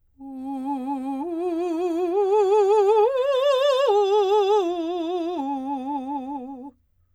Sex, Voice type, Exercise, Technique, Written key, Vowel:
female, soprano, arpeggios, vibrato, , u